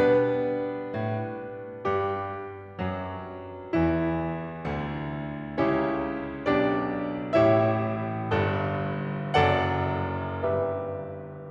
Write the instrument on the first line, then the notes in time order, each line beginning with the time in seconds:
piano
0.00 B2 G3 B3 D4 B4
0.86 B2
1.59 G2 G4
2.80 F#2 F#3
3.78 E2 E3 E4
4.64 D2 D3
5.60 C#2 C#3 C#4 E4 G4 C#5
6.47 B1 B2 D4 G4 D5
7.36 A1 A2 E4 G4 C#5 E5
8.30 G1 G2 A4
9.43 F#1 F#2 A4 D5 F#5
10.50 G1 G2 G4 B4 E5